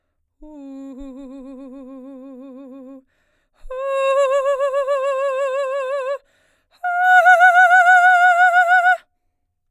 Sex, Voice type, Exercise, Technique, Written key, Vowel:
female, soprano, long tones, trillo (goat tone), , u